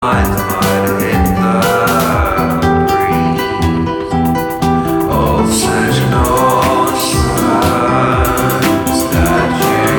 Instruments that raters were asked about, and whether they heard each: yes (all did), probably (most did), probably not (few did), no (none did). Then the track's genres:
voice: yes
mandolin: no
banjo: no
Experimental Pop; Singer-Songwriter; Sound Poetry